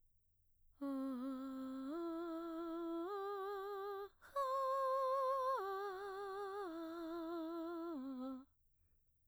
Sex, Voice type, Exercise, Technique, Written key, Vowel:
female, mezzo-soprano, arpeggios, breathy, , a